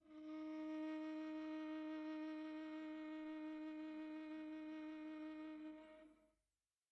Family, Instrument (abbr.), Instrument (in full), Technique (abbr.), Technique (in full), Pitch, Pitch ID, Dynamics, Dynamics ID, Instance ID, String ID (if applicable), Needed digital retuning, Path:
Strings, Va, Viola, ord, ordinario, D#4, 63, pp, 0, 3, 4, FALSE, Strings/Viola/ordinario/Va-ord-D#4-pp-4c-N.wav